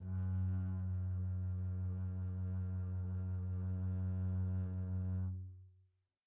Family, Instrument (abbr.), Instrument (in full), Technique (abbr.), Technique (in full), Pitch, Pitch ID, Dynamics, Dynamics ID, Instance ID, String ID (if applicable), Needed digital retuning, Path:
Strings, Cb, Contrabass, ord, ordinario, F#2, 42, pp, 0, 3, 4, TRUE, Strings/Contrabass/ordinario/Cb-ord-F#2-pp-4c-T15u.wav